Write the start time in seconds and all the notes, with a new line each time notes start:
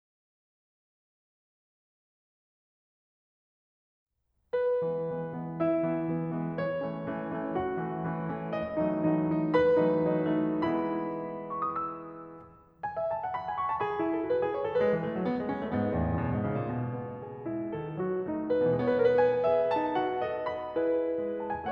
4.18 B4
4.83 E3 G#3 B3
5.11 E3 G#3 B3
5.36 E3 G#3 B3
5.61 E4 E5
5.89 E3 G#3 B3
6.09 E3 G#3 B3
6.32 E3 G#3 B3
6.55 C#5
6.83 E3 A3 C#4
7.05 E3 A3 C#4
7.33 E3 A3 C#4
7.56 F#4 F#5
7.82 E3 A3 C#4
8.09 E3 A3 C#4
8.30 E3 A3 C#4
8.53 D#5
8.78 E3 F#3 A3 D#4
9.02 E3 F#3 A3 D#4
9.26 E3 F#3 A3 D#4
9.51 B4 B5
9.75 E3 F#3 A3 D#4
9.97 E3 F#3 A3 D#4
10.30 E3 F#3 A3 D#4
10.67 E3 G#3 B3 E4 B5
11.50 C#6
11.64 D#6
11.76 E6
12.84 G#5
12.93 E5
13.12 A5
13.23 F#5
13.36 B5
13.46 G#5
13.56 C#6
13.66 A5
13.84 G#4 B5
13.95 E4
14.11 A4
14.23 F#4
14.34 B4
14.45 G#4
14.58 C#5
14.70 A4
14.80 G#3 B4
14.91 E3
15.05 A3
15.16 F#3
15.28 B3
15.38 G#3
15.46 C#4
15.56 A3
15.67 G#2 B3
15.84 E2
15.94 A2
16.09 F#2
16.24 B2
16.32 G#2
16.49 C#3
16.65 A2
16.76 B2
17.00 B3
17.21 G#4
17.47 G#3 E4
17.75 D#3 A4
18.03 F#3 F#4
18.23 A3 D#4
18.48 B4
18.68 C#3
18.78 E3
18.85 G#3
18.95 B3 C#5
18.99 B4
19.05 A#4
19.10 B4
19.17 G#5
19.46 G#4 E5
19.72 D#4 A5
19.95 F#4 F#5
20.27 A4 D#5
20.48 B5
20.79 E4 G#4 B4
21.25 G#3
21.47 A5
21.61 G#5